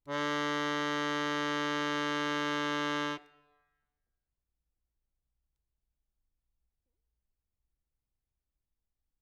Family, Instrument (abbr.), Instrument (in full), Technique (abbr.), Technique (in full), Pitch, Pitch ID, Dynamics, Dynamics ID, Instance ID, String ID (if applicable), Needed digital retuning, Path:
Keyboards, Acc, Accordion, ord, ordinario, D3, 50, ff, 4, 1, , FALSE, Keyboards/Accordion/ordinario/Acc-ord-D3-ff-alt1-N.wav